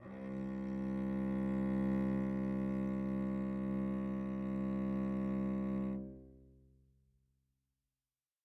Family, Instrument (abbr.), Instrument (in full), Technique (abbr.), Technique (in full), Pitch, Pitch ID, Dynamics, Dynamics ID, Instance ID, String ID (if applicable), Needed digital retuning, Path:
Strings, Vc, Cello, ord, ordinario, C2, 36, mf, 2, 3, 4, FALSE, Strings/Violoncello/ordinario/Vc-ord-C2-mf-4c-N.wav